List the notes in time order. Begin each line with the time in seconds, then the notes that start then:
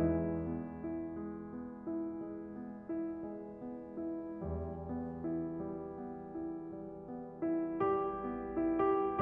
0.00 E2 E3 G#3
0.39 B3
0.81 E4
1.14 G#3
1.49 B3
1.81 E4
2.14 G#3
2.45 B3
2.77 E4
3.20 G#3
3.54 B3
3.94 E4
4.34 E2 E3 G3
4.77 B3
5.19 E4
5.60 G3
5.92 B3
6.28 E4
6.63 G3
7.00 B3
7.43 E4
7.81 G3 G4
8.24 B3
8.68 E4
8.82 G4